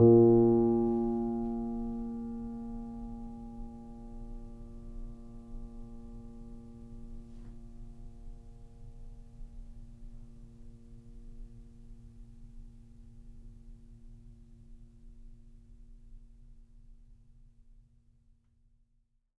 <region> pitch_keycenter=46 lokey=46 hikey=47 volume=0.594127 lovel=0 hivel=65 locc64=0 hicc64=64 ampeg_attack=0.004000 ampeg_release=0.400000 sample=Chordophones/Zithers/Grand Piano, Steinway B/NoSus/Piano_NoSus_Close_A#2_vl2_rr1.wav